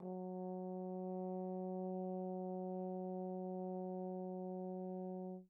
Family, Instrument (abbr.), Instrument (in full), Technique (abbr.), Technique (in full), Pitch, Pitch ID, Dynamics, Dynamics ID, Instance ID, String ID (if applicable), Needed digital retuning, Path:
Brass, Tbn, Trombone, ord, ordinario, F#3, 54, pp, 0, 0, , FALSE, Brass/Trombone/ordinario/Tbn-ord-F#3-pp-N-N.wav